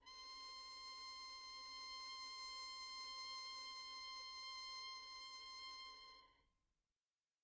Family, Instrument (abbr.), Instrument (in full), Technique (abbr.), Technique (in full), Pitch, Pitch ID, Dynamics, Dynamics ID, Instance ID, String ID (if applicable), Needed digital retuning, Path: Strings, Vn, Violin, ord, ordinario, C6, 84, pp, 0, 0, 1, TRUE, Strings/Violin/ordinario/Vn-ord-C6-pp-1c-T11d.wav